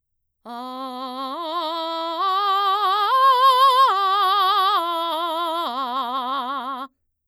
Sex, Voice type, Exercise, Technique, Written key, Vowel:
female, mezzo-soprano, arpeggios, belt, , a